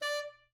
<region> pitch_keycenter=74 lokey=74 hikey=75 volume=18.726766 offset=296 lovel=84 hivel=127 ampeg_attack=0.004000 ampeg_release=1.500000 sample=Aerophones/Reed Aerophones/Tenor Saxophone/Staccato/Tenor_Staccato_Main_D4_vl2_rr2.wav